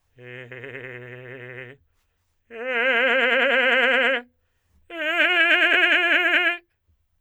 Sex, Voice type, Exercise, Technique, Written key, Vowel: male, tenor, long tones, trillo (goat tone), , e